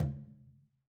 <region> pitch_keycenter=65 lokey=65 hikey=65 volume=15.543798 lovel=107 hivel=127 seq_position=1 seq_length=2 ampeg_attack=0.004000 ampeg_release=15.000000 sample=Membranophones/Struck Membranophones/Conga/Tumba_HitN_v4_rr1_Sum.wav